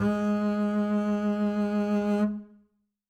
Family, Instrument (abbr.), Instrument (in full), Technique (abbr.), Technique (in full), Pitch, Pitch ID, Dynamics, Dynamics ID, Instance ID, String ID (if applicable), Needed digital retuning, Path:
Strings, Cb, Contrabass, ord, ordinario, G#3, 56, ff, 4, 2, 3, FALSE, Strings/Contrabass/ordinario/Cb-ord-G#3-ff-3c-N.wav